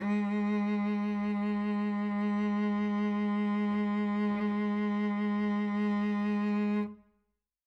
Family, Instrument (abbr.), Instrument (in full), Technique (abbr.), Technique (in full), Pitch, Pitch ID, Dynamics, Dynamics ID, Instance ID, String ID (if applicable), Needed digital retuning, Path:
Strings, Vc, Cello, ord, ordinario, G#3, 56, mf, 2, 3, 4, FALSE, Strings/Violoncello/ordinario/Vc-ord-G#3-mf-4c-N.wav